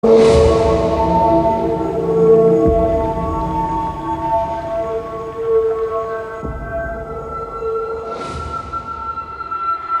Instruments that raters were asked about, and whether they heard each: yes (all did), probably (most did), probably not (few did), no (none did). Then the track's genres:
mallet percussion: no
Experimental; New Age